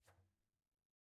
<region> pitch_keycenter=60 lokey=60 hikey=60 volume=30.000000 ampeg_attack=0.004000 ampeg_release=15.000000 sample=Membranophones/Struck Membranophones/Frame Drum/HDrumL_Hand_rr1_Sum.wav